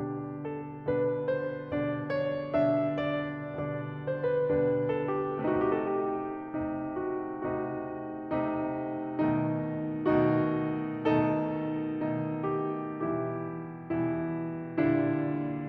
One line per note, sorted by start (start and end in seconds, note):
0.00 0.95 B2
0.00 0.95 D3
0.00 0.95 G3
0.00 0.95 D4
0.00 0.50 G4
0.55 0.95 A4
0.98 1.72 B2
0.98 1.72 D3
0.98 1.72 G3
0.98 1.72 D4
0.98 1.29 B4
1.31 1.72 C5
1.73 2.68 B2
1.73 2.68 D3
1.73 2.68 G3
1.73 2.68 D4
1.73 2.11 D5
2.12 2.68 C#5
2.74 3.52 B2
2.74 3.52 D3
2.74 3.52 G3
2.74 3.52 D4
2.74 3.15 E5
3.16 3.52 D5
3.63 4.47 B2
3.63 4.47 D3
3.63 4.47 G3
3.63 4.47 D4
3.63 4.06 D5
4.10 4.26 C5
4.28 4.47 B4
4.49 5.33 B2
4.49 5.33 D3
4.49 5.33 G3
4.49 5.33 D4
4.49 4.90 B4
4.91 5.11 A4
5.12 5.33 G4
5.34 6.55 C3
5.34 6.55 A3
5.34 6.55 D#4
5.34 5.87 F#4
5.62 6.18 G4
5.89 6.55 A4
6.22 6.91 G4
6.56 7.50 C3
6.56 7.50 A3
6.56 7.50 D#4
6.94 7.50 F#4
7.51 8.22 C3
7.51 8.22 A3
7.51 8.22 D#4
7.51 10.26 F#4
8.23 9.26 C3
8.23 9.26 A3
8.23 9.26 D#4
9.26 10.26 B2
9.26 10.26 D#3
9.26 10.26 A3
9.26 10.26 D#4
10.27 11.09 B2
10.27 11.09 D#3
10.27 11.09 A3
10.27 11.09 D#4
10.27 11.09 F#4
11.19 12.07 B2
11.19 12.07 D#3
11.19 12.07 A3
11.19 12.07 D#4
11.19 12.49 A4
12.09 12.98 B2
12.09 12.98 D#3
12.09 12.98 A3
12.09 12.98 D#4
12.50 12.98 G4
12.99 13.90 B2
12.99 13.90 E3
12.99 13.90 G3
12.99 13.90 E4
12.99 15.69 G4
13.91 14.78 B2
13.91 14.78 E3
13.91 14.78 G3
13.91 14.78 E4
14.79 15.69 A#2
14.79 15.69 D3
14.79 15.69 G3
14.79 15.69 D4
14.79 15.69 E4